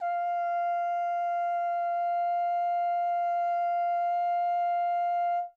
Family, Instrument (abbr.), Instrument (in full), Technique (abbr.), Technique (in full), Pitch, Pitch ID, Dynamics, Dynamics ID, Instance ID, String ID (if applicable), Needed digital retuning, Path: Brass, Hn, French Horn, ord, ordinario, F5, 77, mf, 2, 0, , FALSE, Brass/Horn/ordinario/Hn-ord-F5-mf-N-N.wav